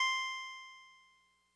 <region> pitch_keycenter=72 lokey=71 hikey=74 tune=-1 volume=12.832382 lovel=66 hivel=99 ampeg_attack=0.004000 ampeg_release=0.100000 sample=Electrophones/TX81Z/Clavisynth/Clavisynth_C4_vl2.wav